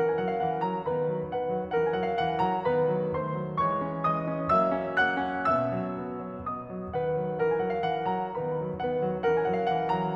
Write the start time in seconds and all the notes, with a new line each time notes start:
0.00 E3 C#4 A#4 F#5
0.20 F#3 G#5
0.27 F#5
0.34 F5
0.42 E3 F#5
0.63 F#3 A#5
0.85 D#3 B3 B4 B5
1.09 F#3
1.30 D#3 B3 B4 F#5
1.52 F#3
1.74 E3 C#4 A#4 F#5
1.93 F#3 F#5 G#5
2.02 F5
2.08 E3 F#5
2.41 F#3 A#5
2.65 D#3 B3 B4 B5
2.87 F#3
3.13 D#3 A3 C5 C6
3.41 F#3
3.62 E3 G#3 C#5 C#6
3.81 C#4
4.03 E3 G#3 D#5 D#6
4.24 C#4
4.49 F#3 A#3 E5 E6
4.73 C#4
4.97 F#3 A#3 F#5 F#6
5.22 C#4
5.55 B2 B3 E5 E6
5.76 F#3
6.00 B3
6.26 F#3
6.51 B3 D#5 D#6
6.73 F#3
6.94 D#3 B3 B4 F#5
7.17 F#3
7.40 E3 C#4 A#4 F#5
7.59 F#3 G#5
7.65 F#5
7.74 F5
7.83 E3 F#5
8.08 F#3 A#5
8.35 D#3 B3 B4 B5
8.60 F#3
8.79 D#3 B3 B4 F#5
9.02 F#3
9.24 E3 C#4 A#4 F#5
9.44 F#3 G#5
9.52 F#5
9.59 F5
9.74 E3 F#5
9.94 F#3 A#5